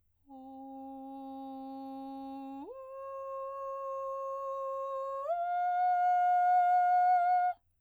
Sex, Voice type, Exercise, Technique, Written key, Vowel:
female, soprano, long tones, straight tone, , o